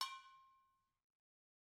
<region> pitch_keycenter=65 lokey=65 hikey=65 volume=15.213525 offset=260 lovel=0 hivel=83 ampeg_attack=0.004000 ampeg_release=10.000000 sample=Idiophones/Struck Idiophones/Brake Drum/BrakeDrum2_Hammer1_v1_rr1_Mid.wav